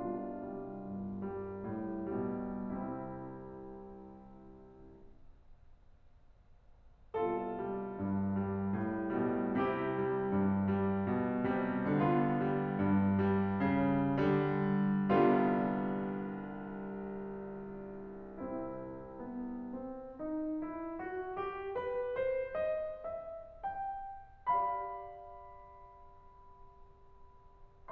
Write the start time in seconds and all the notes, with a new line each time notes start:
0.00 C2 B2 D4 F4
0.37 G3
0.72 G2
1.20 G3
1.59 A2
2.15 B2 G3
2.67 C3 C4 E4
7.17 C2 B2 F4 A4
7.50 G3
7.96 G2
8.25 G3
8.74 A2
9.21 B2 G3
9.62 C3 E4 G4
9.95 G3
10.40 G2
10.90 G3
11.20 B2
11.62 C3 G3
11.98 D3 B3 F4
12.35 G3
12.67 G2
13.13 G3
13.66 C#3
14.28 D3 G3
15.19 C2 D3 G3 B3 F4
18.48 F3 C4 E4
18.89 B3
19.73 C4
20.06 D#4
20.64 E4
20.99 F#4
21.32 G4
21.73 B4
22.18 C5
22.56 D#5
23.07 E5
23.65 G5
24.52 G4 D5 F5 B5